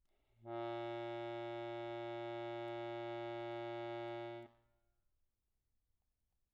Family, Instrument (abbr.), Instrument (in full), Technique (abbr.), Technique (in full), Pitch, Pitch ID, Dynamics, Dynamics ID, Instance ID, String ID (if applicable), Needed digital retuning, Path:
Keyboards, Acc, Accordion, ord, ordinario, A#2, 46, pp, 0, 1, , FALSE, Keyboards/Accordion/ordinario/Acc-ord-A#2-pp-alt1-N.wav